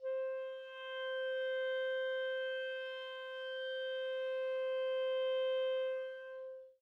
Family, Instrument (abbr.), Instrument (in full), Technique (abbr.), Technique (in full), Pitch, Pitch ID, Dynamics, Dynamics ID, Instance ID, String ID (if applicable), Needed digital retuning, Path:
Winds, ClBb, Clarinet in Bb, ord, ordinario, C5, 72, mf, 2, 0, , FALSE, Winds/Clarinet_Bb/ordinario/ClBb-ord-C5-mf-N-N.wav